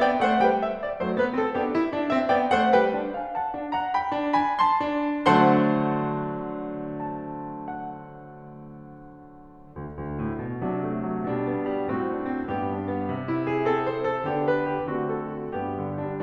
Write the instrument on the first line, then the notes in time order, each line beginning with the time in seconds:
piano
0.00 B3 D5 G5
0.21 A3 C5 F#5
0.39 G3 B4 G5
0.60 E5
0.80 D5
1.01 F#3 A3 C5
1.20 G3 B3 B4
1.36 A3 C4 A4
1.57 B3 D4 G4
1.74 E4
1.92 D4
2.11 C4 E5
2.33 B3 D5 G5
2.53 A3 C5 F#5
2.73 G3 B4 G5
2.91 D4
3.16 F5 G#5
3.36 F#5 A5
3.55 D4
3.74 F#5 A#5
3.94 G5 B5
4.17 D4
4.38 G#5 B5
4.64 A5 C6
4.85 D4
5.22 D3 F#3 A3 D4 C5 F#5 A5 C6
6.98 A5
7.28 F#5
9.73 D2
10.04 D2
10.30 A2
10.47 B2
10.65 C3 F#3 D4
10.86 A3
11.13 F#3
11.35 B2 G3 D4
11.54 B3
11.70 G3
11.89 A2 C4 F#4
12.09 D4
12.23 C4
12.49 G2 B3 G4
12.69 D4
12.93 B3
13.12 C3
13.28 E4
13.48 G#4
13.73 C4 A4
13.94 C5
14.07 A4
14.25 D3 B3 D4 G4
14.48 B4
14.66 G4
14.91 D3 A3 C4 F#4
15.12 A4
15.33 F#4
15.55 G2 B3 G4
15.80 D3
16.02 G3 D4